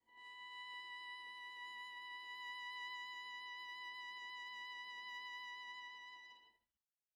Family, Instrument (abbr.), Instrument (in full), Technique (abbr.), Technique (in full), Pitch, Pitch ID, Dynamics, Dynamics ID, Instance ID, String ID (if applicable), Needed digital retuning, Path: Strings, Va, Viola, ord, ordinario, B5, 83, pp, 0, 0, 1, TRUE, Strings/Viola/ordinario/Va-ord-B5-pp-1c-T14u.wav